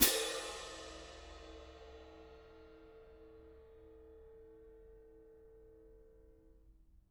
<region> pitch_keycenter=60 lokey=60 hikey=60 volume=6.555710 lovel=55 hivel=83 seq_position=1 seq_length=2 ampeg_attack=0.004000 ampeg_release=30.000000 sample=Idiophones/Struck Idiophones/Clash Cymbals 1/cymbal_crash1_mp1.wav